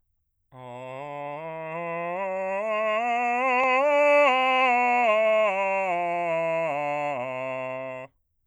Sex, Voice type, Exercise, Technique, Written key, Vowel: male, bass, scales, straight tone, , a